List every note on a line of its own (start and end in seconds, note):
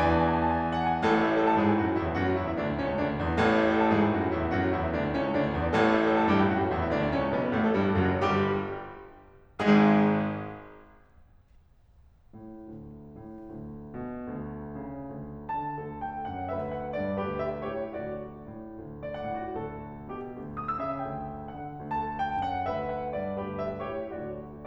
0.00 1.03 E2
0.00 1.03 E3
0.00 1.03 B4
0.00 0.08 G#5
0.05 0.19 G#5
0.05 0.13 A5
0.14 0.23 A5
0.19 0.28 G#5
0.23 0.33 A5
0.29 0.38 G#5
0.34 0.43 A5
0.38 0.48 G#5
0.43 0.52 A5
0.48 0.57 G#5
0.52 0.58 A5
0.57 0.62 G#5
0.57 0.62 A5
0.62 0.65 G#5
0.62 0.70 A5
0.66 0.74 G#5
0.66 0.79 A5
0.74 0.84 G#5
0.80 0.89 A5
0.85 0.94 G#5
0.89 0.98 A5
0.94 1.03 F#5
0.99 1.07 G#5
1.03 1.59 A1
1.03 3.40 A2
1.03 1.10 A4
1.11 1.21 C#5
1.21 1.29 E5
1.29 1.38 A5
1.38 1.57 A4
1.51 1.71 A5
1.64 1.83 G#2
1.64 1.81 G#4
1.75 1.90 G#5
1.85 2.02 F#2
1.85 2.00 F#4
1.93 2.10 F#5
2.02 2.24 E2
2.02 2.23 E4
2.12 2.30 E5
2.24 2.41 F#2
2.24 2.39 F#4
2.32 2.51 F#5
2.41 2.61 E2
2.41 2.59 E4
2.51 2.68 E5
2.61 2.80 D2
2.61 2.79 D4
2.71 2.87 D5
2.80 2.97 C#2
2.80 2.95 C#4
2.90 3.05 C#5
2.98 3.17 D2
2.98 3.15 D4
3.08 3.29 D5
3.19 3.40 E2
3.19 3.38 E4
3.31 3.47 E5
3.40 3.98 A1
3.40 5.74 A2
3.40 3.61 A4
3.52 3.69 C#5
3.63 3.78 E5
3.72 3.88 A5
3.81 3.96 A4
3.89 4.05 A5
3.98 4.17 G#2
3.98 4.16 G#4
4.05 4.25 G#5
4.18 4.33 F#2
4.18 4.32 F#4
4.27 4.40 F#5
4.34 4.53 E2
4.34 4.53 E4
4.42 4.63 E5
4.55 4.75 F#2
4.55 4.73 F#4
4.66 4.82 F#5
4.75 4.95 E2
4.75 4.93 E4
4.84 5.02 E5
4.95 5.15 D2
4.95 5.14 D4
5.05 5.26 D5
5.15 5.38 C#2
5.15 5.35 C#4
5.28 5.47 C#5
5.38 5.56 D2
5.38 5.54 D4
5.49 5.63 D5
5.57 5.74 E2
5.57 5.72 E4
5.65 5.85 E5
5.76 6.29 A1
5.76 8.27 A2
5.76 5.94 A4
5.87 6.03 C#5
5.97 6.10 E5
6.04 6.20 A5
6.13 6.28 A4
6.22 6.39 A5
6.29 6.49 G2
6.29 6.47 G4
6.41 6.58 G5
6.49 6.69 F#2
6.49 6.66 F#4
6.59 6.75 F#5
6.69 6.88 E2
6.69 6.87 E4
6.77 6.99 E5
6.90 7.14 D2
6.90 7.13 D4
7.01 7.23 D5
7.15 7.38 C#2
7.15 7.36 C#4
7.29 7.50 C#5
7.38 7.63 B1
7.38 7.60 B3
7.53 7.70 B4
7.63 7.81 A1
7.63 7.79 A3
7.72 7.92 A4
7.81 8.08 G1
7.81 8.08 G2
7.81 8.06 G3
7.95 8.16 G4
8.08 8.27 F#1
8.08 8.27 F#2
8.08 8.24 F#3
8.17 8.27 F#4
8.28 8.68 G1
8.28 8.68 G2
8.28 8.68 G3
8.28 8.68 G4
9.58 10.02 G#1
9.58 10.02 G#2
9.58 10.02 G#3
9.58 10.02 G#4
12.36 12.77 A2
12.77 13.19 D2
13.20 13.53 A2
13.54 14.00 D2
14.00 14.36 B2
14.36 14.85 D2
14.85 15.09 C#3
15.10 15.55 D2
15.55 15.81 D3
15.55 16.01 A5
15.81 16.29 D2
15.81 16.52 A4
16.01 16.29 G5
16.29 16.52 F#2
16.29 16.52 F#5
16.52 16.94 D2
16.52 17.18 B4
16.52 16.73 E5
16.74 16.94 F#5
16.95 17.18 G2
16.95 17.18 D5
17.18 17.65 D2
17.18 17.65 G4
17.18 17.37 B4
17.37 17.65 E5
17.65 17.93 A2
17.65 17.93 G4
17.65 17.93 C#5
17.93 18.41 D2
17.93 18.16 F#4
17.93 18.16 D5
18.48 18.75 A2
18.76 19.18 D2
19.08 19.18 D5
19.18 19.48 A2
19.18 19.38 F#5
19.38 19.48 F#4
19.48 20.00 D2
19.48 20.00 A4
20.03 20.26 B2
20.03 20.26 G4
20.27 20.76 D2
20.63 20.76 D#6
20.76 21.01 C#3
20.76 20.85 E6
20.85 21.01 E5
21.01 21.62 D2
21.01 21.62 G5
21.62 21.90 D3
21.62 21.90 F#5
21.92 22.43 D2
21.92 22.66 A4
21.92 22.18 A5
22.19 22.43 G5
22.43 22.66 F#2
22.43 22.66 F#5
22.66 23.16 D2
22.66 23.41 B4
22.66 22.85 E5
22.85 23.16 F#5
23.16 23.41 G2
23.16 23.41 D5
23.43 23.85 D2
23.43 23.85 G4
23.43 23.61 B4
23.63 23.85 E5
23.86 24.14 A2
23.86 24.14 G4
23.86 24.14 C#5
24.14 24.67 D2
24.14 24.33 F#4
24.14 24.33 D5